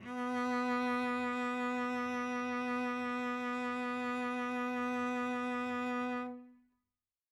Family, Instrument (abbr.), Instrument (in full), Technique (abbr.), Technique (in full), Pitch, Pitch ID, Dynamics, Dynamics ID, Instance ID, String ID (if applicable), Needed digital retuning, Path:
Strings, Vc, Cello, ord, ordinario, B3, 59, mf, 2, 1, 2, FALSE, Strings/Violoncello/ordinario/Vc-ord-B3-mf-2c-N.wav